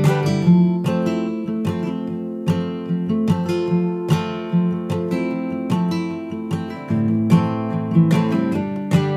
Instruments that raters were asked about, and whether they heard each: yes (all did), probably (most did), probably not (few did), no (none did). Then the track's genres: guitar: yes
drums: no
synthesizer: no
Pop; Folk; Singer-Songwriter